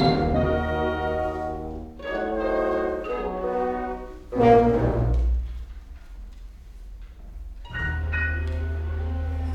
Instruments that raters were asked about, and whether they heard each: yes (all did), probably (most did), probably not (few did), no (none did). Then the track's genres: trombone: probably
trumpet: probably
cello: probably not
Classical